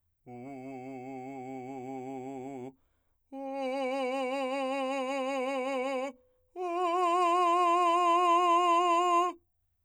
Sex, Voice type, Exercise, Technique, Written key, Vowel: male, , long tones, full voice forte, , u